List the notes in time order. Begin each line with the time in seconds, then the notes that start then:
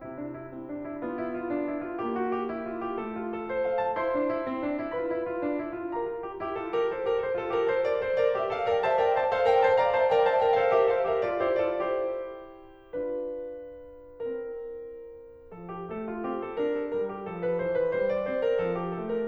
0.00 C3 C4 E4
0.14 D4
0.34 E4
0.50 C4
0.66 D4
0.82 E4
0.98 B3 F4
1.16 E4
1.28 F4
1.44 D4
1.65 E4
1.83 F4
2.01 A#3 G4
2.16 F#4
2.31 G4
2.47 E4
2.64 F4
2.80 G4
2.96 A3 A4
3.09 F4
3.26 A4
3.48 C5
3.67 F5
3.82 A5
3.96 E4 C5 C6
4.11 D4
4.26 E4
4.44 C4
4.64 D4
4.78 E4
4.95 F4 B4 B5
5.09 E4
5.26 F4
5.40 D4
5.63 E4
5.80 F4
5.96 G4 A#4 A#5
6.14 F4
6.28 G4
6.42 E4 G4
6.58 F4 A4
6.75 G4 A#4
6.92 A4 C5
7.08 G4 A#4
7.21 A4 C5
7.36 F4 A4
7.53 G4 A#4
7.71 A4 C5
7.87 A#4 D5
8.00 A4 C5
8.24 A#4 D5
8.39 G4 A#4 E5
8.53 A4 C5 F5
8.71 A#4 D5 G5
8.85 C5 E5 A5
8.99 A#4 D5 G5
9.15 C5 E5 A5
9.31 A4 C5 F5
9.53 A#4 D5 G5
9.68 C5 E5 A5
9.83 D5 F5 A#5
9.97 C5 E5 A5
10.11 A#4 D5 G5
10.27 C5 E5 A5
10.40 A#4 D5 G5
10.54 A4 C5 F5
10.75 G4 A#4 E5
10.91 A4 C5 F5
11.08 G4 A#4 E5
11.25 F4 A4 D5
11.41 E4 G4 C5
11.59 F4 A4 D5
11.87 E4 G4 C5
13.03 D4 F4 B4
14.23 C4 E4 A#4
15.52 F3 A4
15.69 G4
15.87 A3 A4
16.11 F4
16.29 C4 G4
16.43 A4
16.61 D4 A#4
16.74 A4
16.96 G3 A#4
17.14 G4
17.28 F3 A4
17.44 A#4
17.60 E3 C5
17.80 B4
17.96 G3 C5
18.12 D5
18.27 C4 C5
18.44 A#4
18.62 F3 A4
18.77 G4
18.92 A3 A4
19.10 A#4